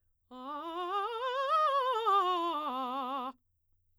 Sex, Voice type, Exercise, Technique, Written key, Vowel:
female, soprano, scales, fast/articulated forte, C major, a